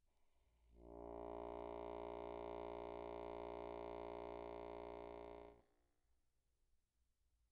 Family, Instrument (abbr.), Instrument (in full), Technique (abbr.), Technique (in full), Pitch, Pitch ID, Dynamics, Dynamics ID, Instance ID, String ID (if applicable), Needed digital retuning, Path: Keyboards, Acc, Accordion, ord, ordinario, A#1, 34, pp, 0, 0, , FALSE, Keyboards/Accordion/ordinario/Acc-ord-A#1-pp-N-N.wav